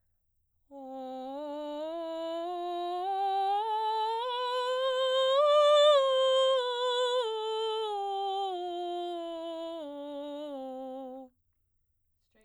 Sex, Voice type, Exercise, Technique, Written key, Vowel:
female, soprano, scales, straight tone, , o